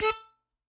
<region> pitch_keycenter=69 lokey=68 hikey=70 tune=12 volume=1.328793 seq_position=2 seq_length=2 ampeg_attack=0.004000 ampeg_release=0.300000 sample=Aerophones/Free Aerophones/Harmonica-Hohner-Special20-F/Sustains/Stac/Hohner-Special20-F_Stac_A3_rr2.wav